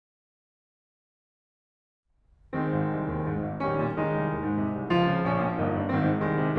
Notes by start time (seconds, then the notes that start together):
2.54 D#3 G#3 C4
2.72 G#1
2.91 C2
3.10 D#2
3.25 G#2
3.40 G#1
3.62 A#1 D#3 G3 C#4
3.80 A#2
3.98 D#3 G#3 D#4
4.14 C2
4.31 D#2
4.42 G#2
4.62 C3
4.78 C2
4.95 C#2 F3 F4
5.08 C#3
5.24 A#1 C#4
5.41 A#2
5.60 G1 A#3 D#4
5.76 G2
5.92 G#1 D#3 C4
6.09 G#2
6.27 C2 D#3 G#3
6.43 C3